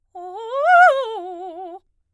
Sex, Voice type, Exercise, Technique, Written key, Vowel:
female, soprano, arpeggios, fast/articulated piano, F major, o